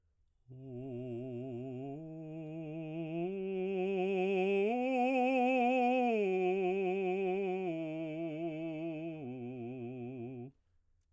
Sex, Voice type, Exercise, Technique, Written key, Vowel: male, baritone, arpeggios, slow/legato piano, C major, u